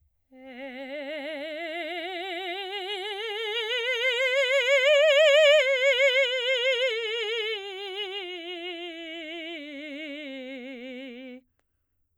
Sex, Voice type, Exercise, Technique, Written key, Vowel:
female, soprano, scales, vibrato, , e